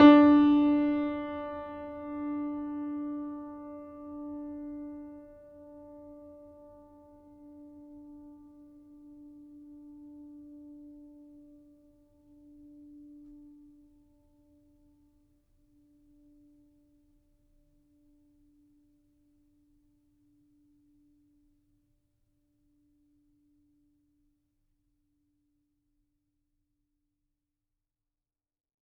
<region> pitch_keycenter=62 lokey=62 hikey=63 volume=0.701851 lovel=0 hivel=65 locc64=65 hicc64=127 ampeg_attack=0.004000 ampeg_release=0.400000 sample=Chordophones/Zithers/Grand Piano, Steinway B/Sus/Piano_Sus_Close_D4_vl2_rr1.wav